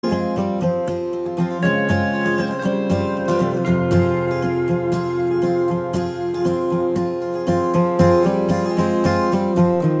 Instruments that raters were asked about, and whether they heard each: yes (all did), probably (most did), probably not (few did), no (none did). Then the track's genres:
guitar: yes
ukulele: probably
mallet percussion: no
Pop; Folk; Singer-Songwriter